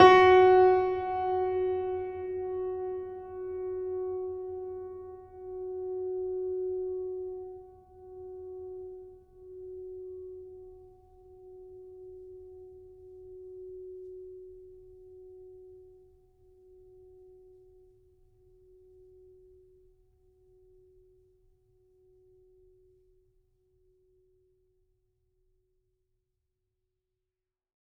<region> pitch_keycenter=66 lokey=66 hikey=67 volume=1.686524 lovel=66 hivel=99 locc64=65 hicc64=127 ampeg_attack=0.004000 ampeg_release=0.400000 sample=Chordophones/Zithers/Grand Piano, Steinway B/Sus/Piano_Sus_Close_F#4_vl3_rr1.wav